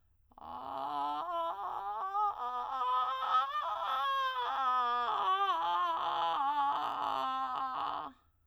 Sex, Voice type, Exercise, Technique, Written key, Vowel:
female, soprano, scales, vocal fry, , a